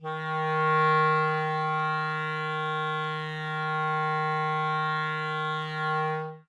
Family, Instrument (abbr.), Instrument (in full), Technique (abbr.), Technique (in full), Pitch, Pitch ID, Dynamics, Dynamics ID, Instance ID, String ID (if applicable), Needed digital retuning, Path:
Winds, ClBb, Clarinet in Bb, ord, ordinario, D#3, 51, ff, 4, 0, , TRUE, Winds/Clarinet_Bb/ordinario/ClBb-ord-D#3-ff-N-T35u.wav